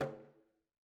<region> pitch_keycenter=65 lokey=65 hikey=65 volume=16.422145 lovel=84 hivel=127 seq_position=2 seq_length=2 ampeg_attack=0.004000 ampeg_release=15.000000 sample=Membranophones/Struck Membranophones/Frame Drum/HDrumS_HitMuted_v3_rr2_Sum.wav